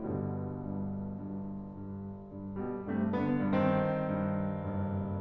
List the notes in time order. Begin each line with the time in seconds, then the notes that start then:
0.01 G1 G2 B2 D3 G3
0.56 G2
1.20 G2
1.79 G2
2.27 G2
2.57 B2 G3
2.90 G2 C3 A3
3.14 D3 B3
3.40 G2 D#3 C4
4.03 G2
4.66 F#1 G2